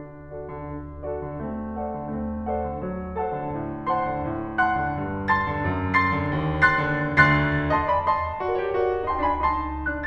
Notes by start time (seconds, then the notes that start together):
0.00 D4
0.37 F#4 A4 D5
0.57 D3
0.74 D4
1.04 F#4 A4 D5
1.25 D3
1.44 A3 C4
1.82 A4 C5 D5 F#5
1.96 D3
2.19 A3 C4
2.55 A4 C5 D5 F#5
2.72 D3
2.88 F#3 A3
3.22 A4 C5 F#5 A5
3.36 D3
3.55 A2
3.89 C5 F#5 A5 C6
4.05 D3
4.26 A2
4.63 F#5 A5 C6 F#6
4.79 D3
4.95 G2
5.28 A5 C6 A6
5.48 D3
5.62 F2
5.92 C6 A6 C7
6.11 D3
6.30 D#2
6.65 C6 F#6 A6 C7
6.95 D3
7.26 D2 D3 C6 F#6 A6 C7
7.71 D#5 A5 C6
7.91 D5 G#5 B5
8.05 D#5 A5 C6
8.43 F#4 A4 D5
8.58 G4 A#4 C#5
8.72 F#4 A4 D5
9.06 D#4 A5 C6
9.24 D4 G#5 B5
9.38 D#4 A5 C6
9.75 D4 F#6